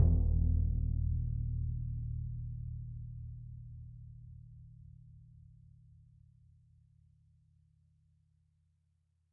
<region> pitch_keycenter=66 lokey=66 hikey=66 volume=18.685909 lovel=84 hivel=106 ampeg_attack=0.004000 ampeg_release=2.000000 sample=Membranophones/Struck Membranophones/Bass Drum 2/bassdrum_roll_mf_rel.wav